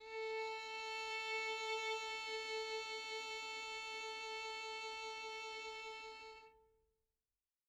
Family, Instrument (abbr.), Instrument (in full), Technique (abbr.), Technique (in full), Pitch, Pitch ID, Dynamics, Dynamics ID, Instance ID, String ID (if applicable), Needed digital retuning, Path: Strings, Vn, Violin, ord, ordinario, A4, 69, mf, 2, 2, 3, FALSE, Strings/Violin/ordinario/Vn-ord-A4-mf-3c-N.wav